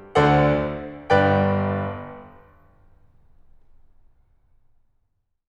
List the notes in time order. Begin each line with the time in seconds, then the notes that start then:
0.21 D2 D3 A4 C5 D5 F#5
1.15 G1 G2 B4 D5 G5
5.43 G4